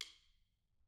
<region> pitch_keycenter=65 lokey=65 hikey=65 volume=16.118537 offset=186 seq_position=2 seq_length=2 ampeg_attack=0.004000 ampeg_release=15.000000 sample=Membranophones/Struck Membranophones/Snare Drum, Modern 2/Snare3M_stick_v3_rr2_Mid.wav